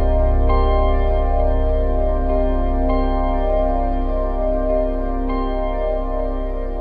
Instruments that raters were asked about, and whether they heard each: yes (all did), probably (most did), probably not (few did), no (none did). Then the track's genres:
organ: probably
Electronic; Experimental; Ambient; Instrumental